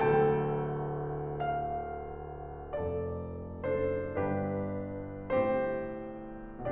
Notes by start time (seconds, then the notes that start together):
0.02 D1 D2 A4 G5
1.42 F5
2.75 F1 F2 A4 D5
3.63 F#1 F#2 D4 A4 C5
4.06 G1 G2 D4 G4 B4
5.36 A2 C4 G4 C5